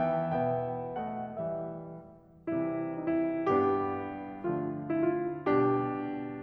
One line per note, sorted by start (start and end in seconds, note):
0.01 0.35 E3
0.01 0.35 B3
0.01 0.35 E5
0.01 0.35 G5
0.35 1.41 B2
0.35 1.05 B3
0.35 1.05 E5
0.35 1.05 G5
1.06 1.41 A3
1.06 1.41 D#5
1.06 1.41 F#5
1.42 1.84 E3
1.42 1.84 G3
1.42 1.84 E5
2.49 3.41 C3
2.49 3.41 E3
2.49 3.41 G3
2.49 3.41 C4
2.49 2.95 E4
2.95 3.12 D#4
3.13 3.41 E4
3.41 4.42 G2
3.41 4.42 G3
3.41 4.42 B3
3.41 4.42 D4
3.41 4.42 G4
4.42 5.40 D3
4.42 5.40 F3
4.42 5.40 A3
4.42 5.40 D4
4.42 4.93 F4
4.93 5.09 E4
5.09 5.40 F4
5.40 6.41 B2
5.40 6.41 G3
5.40 6.41 D4
5.40 6.41 G4